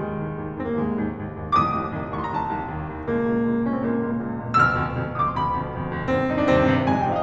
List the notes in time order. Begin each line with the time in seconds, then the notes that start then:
0.00 C2 D#2 G#2 D#3 G#3
0.17 C2 D#2 G#2
0.39 C2 D#2 G#2
0.58 C2 D#2 G#2 C4
0.67 A#3
0.79 C2 D#2 G#2 G#3
0.96 C2 D#2 G#2
1.15 C2 D#2 G#2
1.34 C2 D#2 G#2
1.58 C2 D#2 F2 A2 D6
1.63 D#6
1.81 C2 D#2 F2 A2
2.00 C2 D#2 F2 A2
2.08 C#6
2.17 C2 D#2 F2 A2 C6
2.28 A#5
2.37 C2 D#2 F2 A2 A5
2.58 C2 D#2 F2 A2
2.79 C2 D#2 F2 A2
2.97 C2 D#2 F2 A2
3.13 C#2 F2 A#2 A#3
3.32 C#2 F2 A#2
3.52 C#2 F2 A#2
3.68 C#2 F2 A#2 C#4
3.78 C4
3.89 C#2 F2 A#2 A#3
4.09 C#2 F2 A#2
4.26 C#2 F2 A#2
4.41 C#2 F2 A#2
4.55 D2 F2 B2 E6
4.60 F6
4.76 D2 F2 B2
4.96 D2 F2 B2
5.07 D#6
5.15 D2 F2 B2 D6
5.26 C6
5.34 D2 F2 B2 B5
5.56 D2 F2 B2
5.78 D2 F2 B2
5.97 D2 F2 B2
6.11 D#2 G2 B2 C4
6.30 D#2 G2 B2 D#4
6.40 D4
6.50 D#2 G2 C3 C4
6.65 D#2 G2 C3
6.84 F2 G#2 C3 G#5
6.95 G5
7.05 F2 G#2 C3 F5
7.13 D#5